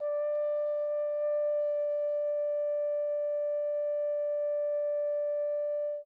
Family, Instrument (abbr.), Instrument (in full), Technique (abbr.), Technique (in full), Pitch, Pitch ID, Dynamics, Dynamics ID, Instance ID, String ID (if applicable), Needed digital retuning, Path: Brass, Hn, French Horn, ord, ordinario, D5, 74, mf, 2, 0, , FALSE, Brass/Horn/ordinario/Hn-ord-D5-mf-N-N.wav